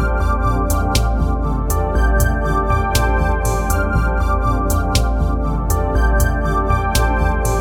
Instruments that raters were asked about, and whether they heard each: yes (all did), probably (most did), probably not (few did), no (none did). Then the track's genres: synthesizer: yes
accordion: no
saxophone: no
Ambient; Chill-out